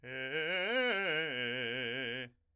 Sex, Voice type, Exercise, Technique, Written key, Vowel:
male, , arpeggios, fast/articulated forte, C major, e